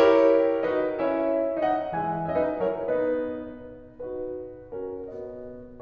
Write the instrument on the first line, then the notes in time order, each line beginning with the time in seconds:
piano
0.00 E4 G4 A#4 C#5
0.67 D#4 F#4 B4 D#5
0.98 C#4 E4 C#5 E5
1.68 B3 D#4 D#5 F#5
1.95 E3 G#3 E5 G#5
2.32 C#4 C#5 E5
2.43 F#3 D#4 B4 D#5
2.65 F#3 E4 A#4 C#5
2.93 B3 D#4 B4 D#5
4.06 D#4 F#4 B4
4.81 C#4 F#4 A#4
5.11 B3 F#4 D#5